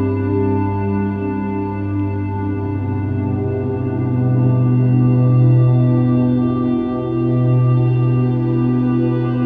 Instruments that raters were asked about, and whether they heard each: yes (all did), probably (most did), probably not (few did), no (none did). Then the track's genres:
organ: no
Soundtrack; Drone; Ambient